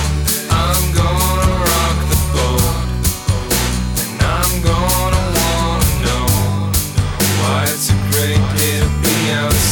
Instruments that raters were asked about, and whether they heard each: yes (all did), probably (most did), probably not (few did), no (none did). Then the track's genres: mandolin: no
cymbals: yes
Pop; Rock